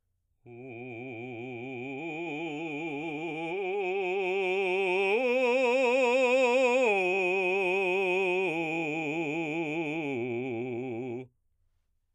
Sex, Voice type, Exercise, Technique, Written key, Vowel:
male, baritone, arpeggios, vibrato, , u